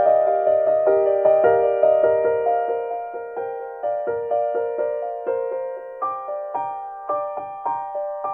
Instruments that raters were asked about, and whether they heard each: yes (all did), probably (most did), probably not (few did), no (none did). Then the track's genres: accordion: no
drums: no
guitar: no
piano: yes
Classical